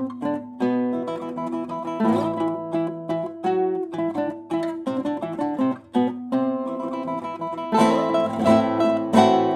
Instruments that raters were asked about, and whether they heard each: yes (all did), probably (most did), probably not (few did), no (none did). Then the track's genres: drums: no
piano: probably not
synthesizer: no
ukulele: probably
mandolin: yes
Classical; Chamber Music